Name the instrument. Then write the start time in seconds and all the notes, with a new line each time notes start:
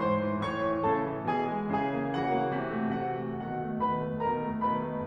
piano
0.00 G#2 C5 C6
0.23 E3
0.44 A2 C#5 C#6
0.63 E3
0.84 A2 C#3 A4 A5
1.03 E3
1.24 B2 E3 G#4 G#5
1.51 G#3
1.76 C#3 E3 G#4 G#5
2.00 A#3
2.19 C#3 E3 F#4 F#5
2.39 A#3
2.58 C3 E3
2.77 A3
3.00 C3 E3 F#4 F#5
3.20 A3
3.39 B2 D#3 F#4 F#5
3.60 A3
3.80 B2 D#3 B4 B5
3.98 A3
4.24 B2 D#3 A#4 A#5
4.45 A3
4.61 B2 D#3 B4 B5
4.83 A3